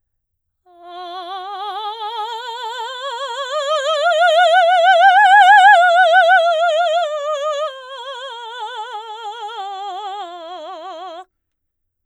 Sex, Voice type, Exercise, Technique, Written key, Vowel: female, soprano, scales, slow/legato forte, F major, a